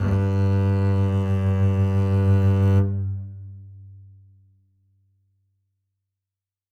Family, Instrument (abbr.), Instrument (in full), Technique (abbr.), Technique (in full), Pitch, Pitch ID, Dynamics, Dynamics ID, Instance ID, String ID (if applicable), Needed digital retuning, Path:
Strings, Cb, Contrabass, ord, ordinario, G2, 43, ff, 4, 2, 3, FALSE, Strings/Contrabass/ordinario/Cb-ord-G2-ff-3c-N.wav